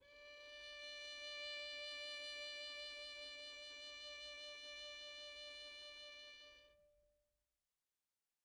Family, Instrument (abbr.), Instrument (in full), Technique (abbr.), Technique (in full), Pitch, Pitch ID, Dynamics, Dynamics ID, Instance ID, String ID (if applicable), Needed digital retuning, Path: Strings, Vn, Violin, ord, ordinario, D5, 74, pp, 0, 1, 2, FALSE, Strings/Violin/ordinario/Vn-ord-D5-pp-2c-N.wav